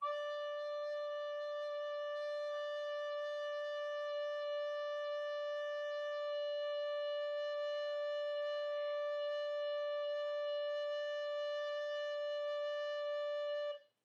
<region> pitch_keycenter=74 lokey=74 hikey=75 volume=15.958565 offset=371 ampeg_attack=0.1 ampeg_release=0.300000 sample=Aerophones/Edge-blown Aerophones/Baroque Soprano Recorder/Sustain/SopRecorder_Sus_D4_rr1_Main.wav